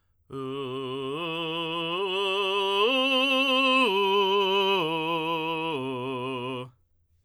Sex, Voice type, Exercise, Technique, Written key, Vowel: male, tenor, arpeggios, belt, , u